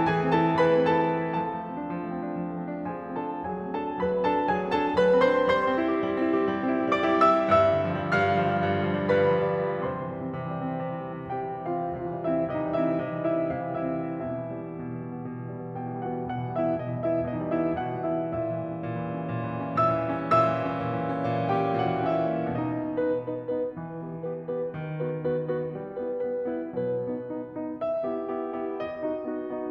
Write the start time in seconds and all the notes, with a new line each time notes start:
0.00 E3 G#4 G#5
0.26 A3
0.36 C4 A4 A5
0.48 E4
0.60 E3 B4 B5
0.79 A3
0.91 C4 A4 A5
1.10 E4
1.22 F3 A4 A5
1.51 A3
1.63 C4
1.74 D4
1.87 F3
2.00 A3
2.10 C4
2.30 D4
2.40 F3
2.53 A3
2.64 C4
2.80 D4
3.00 F3 G#4 G#5
3.10 A3
3.20 C4 A4 A5
3.34 D4
3.48 F#3 G#4 G#5
3.65 A3
3.75 C4 A4 A5
3.89 D4
4.01 F#3 B4 B5
4.10 A3
4.21 C4 A4 A5
4.33 D4
4.45 F#3 G#4 G#5
4.54 A3
4.66 C4 A4 A5
4.78 D4
4.92 F#3 B4 B5
5.07 A3
5.21 C4 C5 C6
5.38 D4
5.48 G3 C5 C6
5.60 C4
5.74 E4
5.85 G4
6.00 G3
6.14 C4
6.29 E4
6.39 G4
6.49 G3
6.61 C4
6.72 E4
6.84 G4
6.95 G3 D5 D6
7.05 C4
7.20 E4 E5 E6
7.42 G4
7.51 G2 E5 E6
7.79 D3
7.92 F3
8.03 G3
8.16 G2 F5 F6
8.30 D3
8.39 F3
8.51 G3
8.67 G2
8.80 D3
8.90 F3
9.03 G3
9.14 G2 B4 B5
9.26 D3
9.38 F3
9.54 G3
9.74 C3 C5 C6
9.83 E3
9.94 G3
10.07 C4
10.21 C3
10.32 E3
10.47 G3
10.59 C4
10.75 C3
10.86 E3
11.02 G3
11.16 C4
11.33 C3 G4 G5
11.54 E3
11.68 G3 F4 F5
11.81 C4
11.98 C3 F4 F5
12.11 E3
12.21 G3 E4 E5
12.32 C4
12.43 C3 D#4 D#5
12.55 E3
12.65 G3 E4 E5
12.78 C4
12.92 C3 D#4 D#5
13.18 E3
13.34 G3 E4 E5
13.46 C4
13.58 C3 F4 F5
13.75 E3
13.93 G3 E4 E5
14.07 C4
14.20 B2 E4 E5
14.36 E3
14.49 G3
14.63 B3
14.78 B2
14.99 E3
15.10 G3
15.21 B3
15.30 B2
15.44 E3
15.58 G3
15.70 B3
15.81 B2 G4 G5
15.92 E3
16.04 G3 F#4 F#5
16.16 B3
16.28 B2 F#4 F#5
16.40 E3
16.52 G3 E4 E5
16.65 B3
16.74 B2 D#4 D#5
16.89 E3
17.01 G3 E4 E5
17.11 B3
17.24 B2 D#4 D#5
17.36 E3
17.51 G3 E4 E5
17.62 B3
17.77 B2 F#4 F#5
17.95 E3
18.05 G3 E4 E5
18.19 B3
18.34 A#2 E4 E5
18.55 E3
18.68 G3
18.80 C#4
18.90 A#2
19.01 E3
19.14 G3
19.24 C#4
19.34 A#2
19.44 E3
19.55 G3
19.66 C#4
19.77 A#2 E5 E6
19.90 E3
20.04 G3
20.15 C#4
20.28 A#2 E5 E6
20.39 E3
20.49 G3
20.61 C#4
20.74 A#2
20.84 E3
20.96 G3
21.10 C#4
21.21 A#2
21.33 E3
21.55 G3 G4 G5
21.69 C#4
21.78 A#2 F#4 F#5
21.97 E3
22.15 G3 E4 E5
22.33 C#4
22.51 B2 D#4 D#5
22.88 B3 D#4 B4
23.16 B3 D#4 B4
23.48 B3 D#4 B4
23.80 E3
24.03 B3 G4 B4
24.25 B3 G4 B4
24.50 B3 G4 B4
24.73 D#3
24.94 B3 F#4 B4
25.25 B3 F#4 B4
25.51 B3 F#4 B4
25.80 G3
26.08 B3 E4 B4
26.39 B3 E4 B4
26.64 B3 E4 B4
26.84 B2 F#3 B4
27.09 B3 D#4
27.38 B3 D#4
27.61 B3 D#4
27.85 E5
28.06 B3 E4 G4
28.36 B3 E4 G4
28.63 B3 E4 G4
28.85 D#5
29.07 B3 D#4 F#4
29.34 B3 D#4 F#4
29.50 B3 D#4 F#4